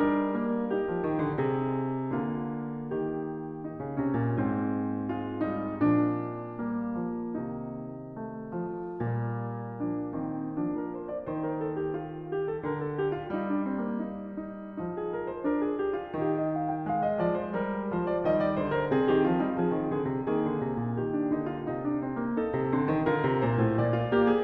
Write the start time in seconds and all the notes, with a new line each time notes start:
0.00 G3 D4
0.36 A#3
0.64 D#4 G4
0.87 F3
1.03 D#3
1.18 D3
1.37 C3 G#4
2.10 D3 A#3 F4
2.81 D#3 G4
3.58 D#4
3.82 C#3
3.96 C3 C#4
4.13 A#2
4.28 G#2 C4
5.12 G#3 F4
5.50 G3 D#4
5.82 A#2 F3 D4
6.59 G3 A#3
7.04 F3
7.36 C3 D#3 D#4
8.23 A3
8.59 F3
8.96 A#2 G3 A#3
9.80 F3 D4
10.19 D#3 C4
10.58 F3 D4
10.75 A#4
10.94 C5
11.09 D5
11.26 D#3 C5
11.39 A#4
11.55 A4
11.77 G4
11.94 F4
12.31 G4
12.48 A4
12.62 D3 A#4
12.79 A4
12.97 G4
13.13 F4
13.27 D#4
13.32 G3
13.49 D4
13.63 C4
13.84 A#3
14.00 D#4
14.36 D#4
14.78 F3 D#4
14.95 G#4
15.13 A#4
15.28 C5
15.46 D4 A#4
15.64 G#4
15.81 G4
15.99 F4
16.16 D#3 D#4 G4
16.36 D#5
16.53 F5
16.68 G5
16.82 G#3 F5
17.03 D#5
17.19 F3 D5
17.38 C5
17.53 G3 A#4
17.90 F3 C5
18.10 D5
18.24 D#3 G3 D#5
18.39 D5
18.55 D3 C5
18.74 A#4
18.92 C3 C4 G#4
19.10 D#3 G4
19.28 F3 F4
19.46 G3 D#4
19.60 F3 G#4
19.82 D#3
19.97 D3 G#4
20.12 C3
20.27 D#3 A#3 G#4
20.46 D3
20.60 C3
20.79 A#2
20.93 D#3 G4
21.13 D4
21.27 D#4
21.33 D3
21.51 F4
21.71 C3 D#4
21.85 D4
22.00 C4
22.15 A#3
22.30 D#4 A4
22.50 C3
22.63 D3 C4
22.88 D#3
23.05 F4 A#4
23.09 D3
23.24 C3
23.37 C5
23.43 A#2
23.63 A2
23.77 D5
23.81 A#2
23.92 F4
24.09 A#3 G4
24.29 G#4